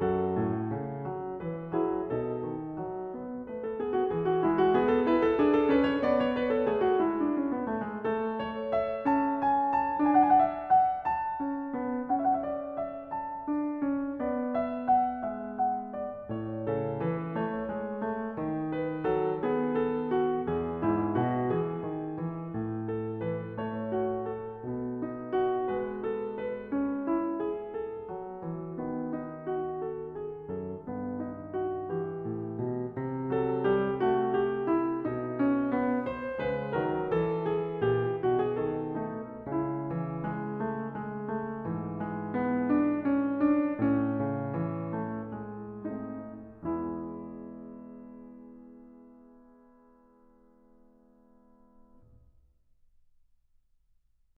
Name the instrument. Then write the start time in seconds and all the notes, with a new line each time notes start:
piano
0.00 F#2 F#4 A4
0.43 A2
0.77 C#3
1.10 F#3
1.39 E3 B4
1.78 F#3 E4 G#4
2.09 B2 D#4 A4
2.44 D#3
2.74 F#3
3.13 B3
3.45 A3 B4
3.59 A4
3.75 B3
3.81 G#4
3.92 F#4
4.14 E3 G#4
4.38 F#4
4.48 G#3 E4
4.61 F#4
4.74 B3 G#4
4.91 A4
5.12 E4 B4
5.28 A4
5.38 D4 G#4
5.50 A4
5.69 C#4 B4
5.82 C#5
6.03 B3 D5
6.23 C#5
6.41 B4
6.54 A4
6.66 A3 G#4
6.85 F#4
7.05 G#3 E4
7.20 D4
7.38 C#4
7.50 B3
7.72 A3
7.86 G#3
7.96 A3 A4
8.43 C#5
8.80 E5
9.04 C#4 A5
9.36 G#5
9.78 A5
10.04 D4 F#5
10.11 G#5
10.22 F#5
10.48 E5
10.69 F#5
11.32 A5
11.55 C#4
11.76 B3
12.13 C#4 E5
12.20 F#5
12.34 E5
12.48 D5
12.78 E5
13.29 A5
13.51 D4
13.80 C#4
14.26 B3
14.38 D5
14.61 E5
14.91 F#5
15.24 G#3 E5
15.60 F#5
15.95 D5
16.37 A2 C#5
16.70 C#3 A4
17.02 E3 B4
17.36 A3 C#5
17.71 G#3
17.98 A3
18.37 D#3
18.75 B4
19.04 F#3 A4
19.39 B3 G#4
19.73 A4
20.20 F#4
20.46 E2
20.50 G#4
20.83 G#2 E4
21.22 B2 F#4
21.46 E3 G#4
21.79 D#3
22.15 E3
22.53 A2
22.93 A4
23.19 E3 B4
23.56 A3
23.60 C#5
23.94 F#4
24.35 A4
24.73 B2 B3
25.11 D#4
25.40 F#4
25.72 G#3
25.80 B4
26.11 A4
26.41 B4
26.74 C#4
27.05 E4
27.40 G#4
27.76 A4
28.18 F#3
28.40 E3
28.80 D#3 B3
29.13 D#4
29.37 F#4
29.90 A4
30.21 G#4
30.51 F#2 A4
30.85 G2 B3
31.24 D#4
31.54 F#4
31.88 E3 G4
32.32 A2
32.61 B2
32.93 C3
33.33 F#3
33.41 A4
33.63 G3 G4
33.97 A3 F#4
34.35 G4
34.66 E4
35.04 B2 D#4
35.39 C#4
35.72 B3
36.07 C5
36.42 C#3 G#3 B4
36.76 D#3 F#3 A#4
37.12 E3 A4
37.58 G#4
37.81 A#2
37.89 G4
38.20 B2 F#4
38.41 G#4
38.61 D#3 A4
39.01 A3 D#4
39.45 C#3 G#3 E4
39.89 E3
40.23 G#3
40.57 A3
40.97 G#3
41.29 A3
41.70 G#2
41.96 G#3
42.34 B3
42.72 D4
43.08 C#4
43.49 D4
43.80 A2 C#4
44.21 C#3
44.57 E3
45.02 A3
45.37 G#3
45.80 A3 C4 D#4
46.64 E2 G#3 B3 E4